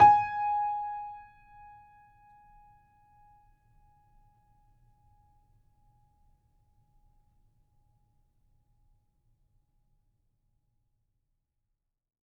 <region> pitch_keycenter=80 lokey=80 hikey=81 volume=-0.579873 offset=650 lovel=100 hivel=127 locc64=0 hicc64=64 ampeg_attack=0.004000 ampeg_release=0.400000 sample=Chordophones/Zithers/Grand Piano, Steinway B/NoSus/Piano_NoSus_Close_G#5_vl4_rr1.wav